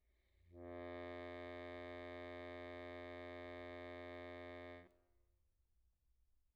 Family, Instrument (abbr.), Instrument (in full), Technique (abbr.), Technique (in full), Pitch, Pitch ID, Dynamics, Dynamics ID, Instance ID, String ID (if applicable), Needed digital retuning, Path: Keyboards, Acc, Accordion, ord, ordinario, F2, 41, pp, 0, 0, , FALSE, Keyboards/Accordion/ordinario/Acc-ord-F2-pp-N-N.wav